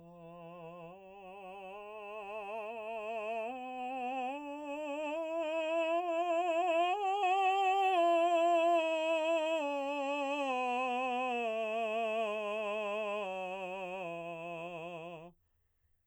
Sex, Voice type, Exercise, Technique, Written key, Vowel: male, baritone, scales, slow/legato piano, F major, a